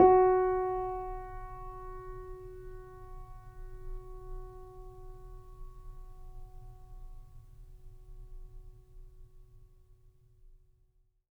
<region> pitch_keycenter=66 lokey=66 hikey=67 volume=3.828756 lovel=0 hivel=65 locc64=0 hicc64=64 ampeg_attack=0.004000 ampeg_release=0.400000 sample=Chordophones/Zithers/Grand Piano, Steinway B/NoSus/Piano_NoSus_Close_F#4_vl2_rr1.wav